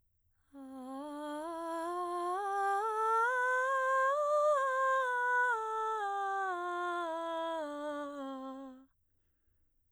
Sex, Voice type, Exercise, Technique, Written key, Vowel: female, soprano, scales, breathy, , a